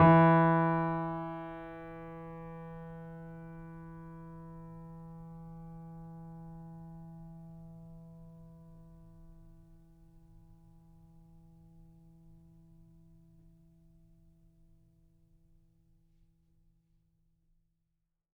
<region> pitch_keycenter=52 lokey=52 hikey=53 volume=1.812446 lovel=66 hivel=99 locc64=0 hicc64=64 ampeg_attack=0.004000 ampeg_release=0.400000 sample=Chordophones/Zithers/Grand Piano, Steinway B/NoSus/Piano_NoSus_Close_E3_vl3_rr1.wav